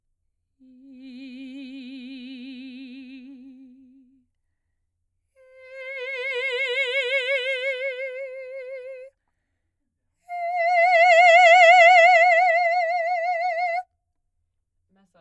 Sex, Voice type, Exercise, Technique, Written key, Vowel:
female, soprano, long tones, messa di voce, , i